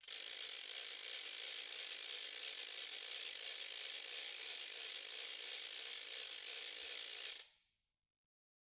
<region> pitch_keycenter=64 lokey=64 hikey=64 volume=15.000000 offset=207 ampeg_attack=0.004000 ampeg_release=1.000000 sample=Idiophones/Struck Idiophones/Ratchet/Ratchet2_Fast_rr1_Mid.wav